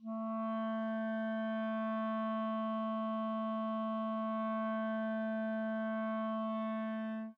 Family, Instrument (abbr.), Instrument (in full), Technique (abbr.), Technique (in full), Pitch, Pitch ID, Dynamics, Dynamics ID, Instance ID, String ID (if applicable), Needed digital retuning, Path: Winds, ClBb, Clarinet in Bb, ord, ordinario, A3, 57, mf, 2, 0, , FALSE, Winds/Clarinet_Bb/ordinario/ClBb-ord-A3-mf-N-N.wav